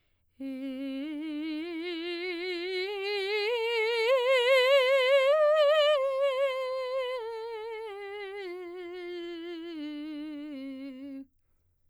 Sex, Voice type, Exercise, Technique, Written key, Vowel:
female, soprano, scales, slow/legato piano, C major, e